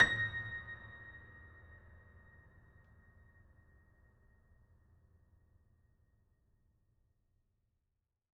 <region> pitch_keycenter=94 lokey=94 hikey=95 volume=1.538706 lovel=100 hivel=127 locc64=65 hicc64=127 ampeg_attack=0.004000 ampeg_release=0.400000 sample=Chordophones/Zithers/Grand Piano, Steinway B/Sus/Piano_Sus_Close_A#6_vl4_rr1.wav